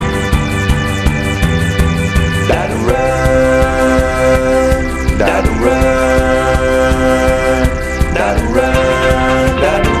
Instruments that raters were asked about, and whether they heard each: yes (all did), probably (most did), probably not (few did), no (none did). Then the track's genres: accordion: no
Experimental Pop; Lounge; Latin